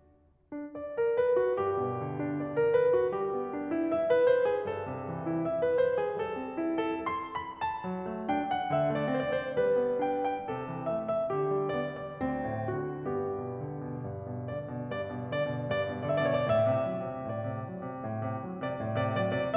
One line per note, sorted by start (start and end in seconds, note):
0.56 0.76 D4
0.77 0.95 D5
0.96 1.17 A#4
1.18 1.34 B4
1.35 1.62 F#4
1.63 2.73 G2
1.63 2.20 G4
1.85 2.73 B2
2.05 2.73 D3
2.21 2.35 D4
2.35 2.53 D5
2.54 2.73 A#4
2.73 2.93 B4
2.94 3.19 F#4
3.19 4.30 G3
3.19 3.72 G4
3.36 4.30 B3
3.57 4.30 D4
3.74 3.96 E4
3.96 4.15 E5
4.16 4.30 B4
4.30 4.45 C5
4.46 4.65 G#4
4.65 5.71 G2
4.65 5.16 A4
4.82 5.71 C3
4.99 5.71 E3
5.17 5.31 E4
5.31 5.51 E5
5.52 5.71 B4
5.71 5.97 C5
5.98 6.18 G#4
6.19 7.59 G3
6.19 6.87 A4
6.40 7.59 C4
6.60 7.59 E4
6.88 7.11 A4
7.13 7.33 C6
7.34 7.59 B5
7.61 8.27 A5
7.88 8.05 F#3
8.06 8.27 A3
8.27 8.46 D4
8.27 8.46 G5
8.47 8.70 F#5
8.70 8.97 D3
8.70 8.97 E5
8.97 9.12 A3
8.97 9.12 D5
9.12 9.35 C4
9.12 9.35 C5
9.36 9.42 D5
9.42 9.58 C5
9.58 9.78 G3
9.58 10.01 B4
9.80 10.01 B3
10.01 10.20 D4
10.01 10.20 G5
10.21 10.49 G5
10.49 10.70 C3
10.49 10.99 A4
10.71 10.99 E3
10.99 11.19 A3
10.99 11.19 E5
11.20 11.38 E5
11.38 11.65 D3
11.38 11.81 G4
11.66 11.81 G3
11.81 11.98 B3
11.81 11.98 D5
11.99 12.17 D5
12.17 12.38 D2
12.17 12.75 C4
12.45 12.75 A2
12.75 13.04 D3
12.75 13.04 F#4
13.06 13.38 G2
13.06 14.05 B3
13.06 14.05 G4
13.39 13.58 B2
13.60 13.88 D3
13.89 14.05 B2
14.09 14.33 G2
14.34 14.54 B2
14.54 14.73 D3
14.54 14.92 D5
14.74 14.92 B2
14.92 15.10 G2
14.92 15.32 D5
15.11 15.32 B2
15.32 15.49 D3
15.32 15.69 D5
15.51 15.69 B2
15.69 15.87 G2
15.69 16.02 D5
15.88 16.02 B2
16.02 16.22 D3
16.02 16.22 D5
16.12 16.35 E5
16.24 16.49 B2
16.24 16.49 C#5
16.38 16.58 D5
16.49 16.69 A2
16.49 17.27 E5
16.70 16.88 C3
16.88 17.05 F#3
17.06 17.27 C3
17.27 17.47 A2
17.27 17.68 D5
17.48 17.68 C3
17.68 17.85 F#3
17.86 18.04 C3
18.04 18.30 A2
18.31 18.47 C3
18.47 18.63 F#3
18.64 18.80 C3
18.64 18.80 D5
18.80 19.00 A2
18.80 19.00 D5
19.01 19.20 C3
19.01 19.20 D5
19.21 19.37 F#3
19.21 19.37 D5
19.38 19.56 C3
19.38 19.56 D5